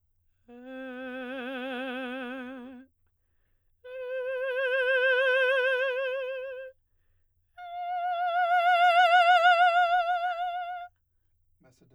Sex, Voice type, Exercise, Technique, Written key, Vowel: female, soprano, long tones, messa di voce, , e